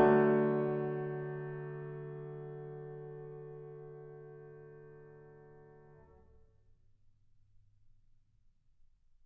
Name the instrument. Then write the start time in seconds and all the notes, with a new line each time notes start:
piano
0.00 D3 F#3 A3